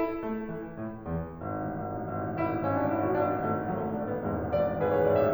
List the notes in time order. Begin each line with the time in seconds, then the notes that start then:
0.00 E4
0.21 A3
0.52 E3
0.80 A2
1.07 E2
1.37 G#1
1.50 A1
1.63 G#1
1.75 A1
1.89 G#1
2.01 A1
2.09 G#1
2.21 A1
2.32 G#1
2.40 A1
2.52 G#1 E4
2.61 A1
2.73 G#1 C#4
2.83 A1 D4
2.95 G#1 E4
3.05 A1 F#4
3.17 G#1 D4
3.30 A1
3.40 G#1 A3
3.52 A1
3.62 G#1 F#3
3.75 A1 A3
3.87 G#1 D4
4.08 A1 B3
4.20 E1 G#1 G#3
4.34 A1
4.49 G#1 D5
4.64 A1
4.82 G#1 G#4 B4
4.95 A1 C#5
5.06 G#1 D5
5.20 A1 E5